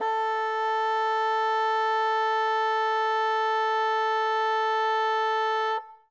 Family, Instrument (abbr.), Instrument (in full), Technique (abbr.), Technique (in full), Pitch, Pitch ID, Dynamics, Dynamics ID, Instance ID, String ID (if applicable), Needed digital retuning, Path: Winds, Bn, Bassoon, ord, ordinario, A4, 69, ff, 4, 0, , FALSE, Winds/Bassoon/ordinario/Bn-ord-A4-ff-N-N.wav